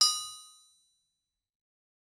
<region> pitch_keycenter=61 lokey=61 hikey=61 volume=4.311018 offset=260 lovel=100 hivel=127 ampeg_attack=0.004000 ampeg_release=15.000000 sample=Idiophones/Struck Idiophones/Anvil/Anvil_Hit2_v3_rr1_Mid.wav